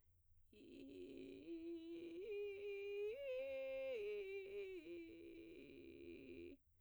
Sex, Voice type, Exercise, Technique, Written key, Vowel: female, soprano, arpeggios, vocal fry, , i